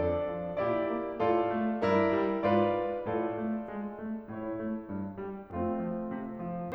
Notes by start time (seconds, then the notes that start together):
0.01 F2 D4 A4 D5
0.28 F3
0.58 A#2 E4 G4 D5
0.91 A#3
1.17 A2 F4 A4 D5
1.49 A3
1.83 G2 E4 A#4 D5
2.10 G3
2.40 G#2 F4 B4 D5
2.76 G#3
3.08 A2 F4 A4 D5
3.34 A3
3.68 G#3
3.98 A3
4.31 A2 E4 C#5
4.60 A3
4.92 G2
5.21 G3
5.54 F2 A3 C4 F4
5.82 F3
6.13 C3
6.42 F3